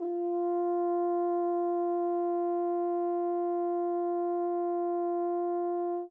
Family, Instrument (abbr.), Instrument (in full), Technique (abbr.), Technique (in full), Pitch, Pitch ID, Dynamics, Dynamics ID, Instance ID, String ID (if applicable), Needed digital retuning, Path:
Brass, Hn, French Horn, ord, ordinario, F4, 65, mf, 2, 0, , FALSE, Brass/Horn/ordinario/Hn-ord-F4-mf-N-N.wav